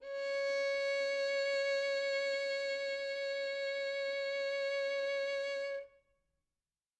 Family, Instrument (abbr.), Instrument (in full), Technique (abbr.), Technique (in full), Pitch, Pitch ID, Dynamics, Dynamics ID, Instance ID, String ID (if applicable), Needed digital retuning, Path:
Strings, Vn, Violin, ord, ordinario, C#5, 73, mf, 2, 3, 4, FALSE, Strings/Violin/ordinario/Vn-ord-C#5-mf-4c-N.wav